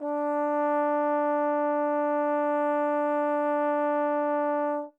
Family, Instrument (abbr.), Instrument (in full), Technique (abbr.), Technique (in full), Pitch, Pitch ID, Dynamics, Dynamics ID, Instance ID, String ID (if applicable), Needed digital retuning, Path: Brass, Tbn, Trombone, ord, ordinario, D4, 62, mf, 2, 0, , FALSE, Brass/Trombone/ordinario/Tbn-ord-D4-mf-N-N.wav